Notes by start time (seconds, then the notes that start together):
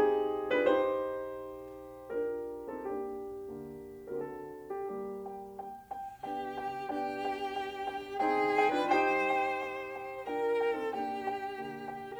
0.01 C4 D#4 G4 G#4
0.52 D4 F4 B4
0.66 D#4 G4 C5
2.08 D4 F4 G4 A#4
2.68 C4 D#4 A4
2.85 A#3 D4 G4
3.42 D3 A#3
4.06 A#4
4.14 D3 C4 F#4 A4
4.70 G4
4.91 G3 A#3 G4
5.27 G5
5.63 G5
5.94 G5
6.25 B3 D4 G4 G5
6.51 G5
6.89 B3 D4 G4 G5
7.22 G5
7.53 G5
7.89 G5
8.23 C4 D#4 G#4 G5
8.54 G5
8.70 D4 F4 B4
8.89 D#4 G4 C5 G5
9.31 G5
9.64 G5
9.94 G5
10.19 D4 F4 A#4 G5
10.51 G5
10.70 C4 D#4 A4
10.84 A#3 D4 G4 G5
11.16 G5
11.51 D3 A#3
11.87 G5
12.10 A#4